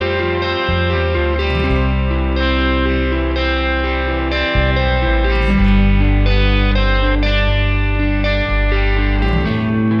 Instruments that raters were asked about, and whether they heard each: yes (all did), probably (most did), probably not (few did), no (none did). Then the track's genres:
mallet percussion: no
guitar: probably
organ: no
cymbals: no
Pop; Folk; Singer-Songwriter